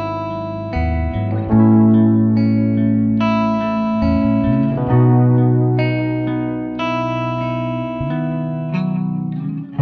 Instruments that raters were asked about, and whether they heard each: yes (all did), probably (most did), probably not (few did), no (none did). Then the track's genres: guitar: yes
saxophone: no
cymbals: no
Pop; Folk; Singer-Songwriter